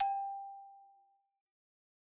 <region> pitch_keycenter=67 lokey=64 hikey=69 volume=10.140772 lovel=0 hivel=83 ampeg_attack=0.004000 ampeg_release=15.000000 sample=Idiophones/Struck Idiophones/Xylophone/Medium Mallets/Xylo_Medium_G4_pp_01_far.wav